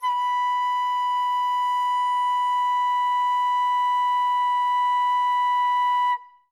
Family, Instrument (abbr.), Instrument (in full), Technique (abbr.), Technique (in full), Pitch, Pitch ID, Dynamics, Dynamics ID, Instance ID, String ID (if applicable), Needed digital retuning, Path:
Winds, Fl, Flute, ord, ordinario, B5, 83, ff, 4, 0, , TRUE, Winds/Flute/ordinario/Fl-ord-B5-ff-N-T20d.wav